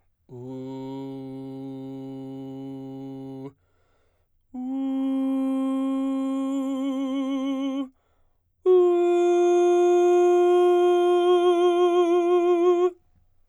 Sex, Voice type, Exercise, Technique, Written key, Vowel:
male, baritone, long tones, full voice forte, , u